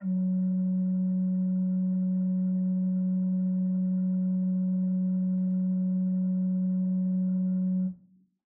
<region> pitch_keycenter=54 lokey=54 hikey=55 offset=261 ampeg_attack=0.004000 ampeg_release=0.300000 amp_veltrack=0 sample=Aerophones/Edge-blown Aerophones/Renaissance Organ/8'/RenOrgan_8foot_Room_F#2_rr1.wav